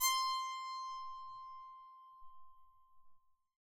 <region> pitch_keycenter=84 lokey=84 hikey=85 tune=3 volume=8.926708 ampeg_attack=0.004000 ampeg_release=15.000000 sample=Chordophones/Zithers/Psaltery, Bowed and Plucked/Spiccato/BowedPsaltery_C5_Main_Spic_rr1.wav